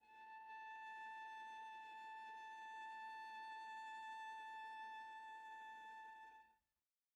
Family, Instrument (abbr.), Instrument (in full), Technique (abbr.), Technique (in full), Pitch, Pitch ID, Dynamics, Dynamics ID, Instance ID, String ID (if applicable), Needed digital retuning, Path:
Strings, Va, Viola, ord, ordinario, A5, 81, pp, 0, 1, 2, TRUE, Strings/Viola/ordinario/Va-ord-A5-pp-2c-T11u.wav